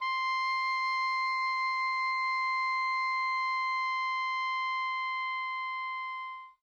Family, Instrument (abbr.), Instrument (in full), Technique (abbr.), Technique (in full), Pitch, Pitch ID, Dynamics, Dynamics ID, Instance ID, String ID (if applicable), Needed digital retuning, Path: Winds, Ob, Oboe, ord, ordinario, C6, 84, mf, 2, 0, , FALSE, Winds/Oboe/ordinario/Ob-ord-C6-mf-N-N.wav